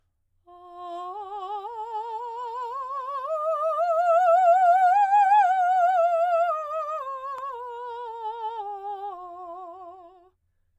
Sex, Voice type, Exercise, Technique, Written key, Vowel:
female, soprano, scales, slow/legato piano, F major, a